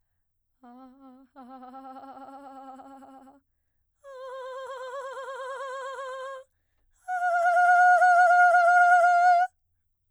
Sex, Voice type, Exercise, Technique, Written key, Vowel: female, soprano, long tones, trillo (goat tone), , a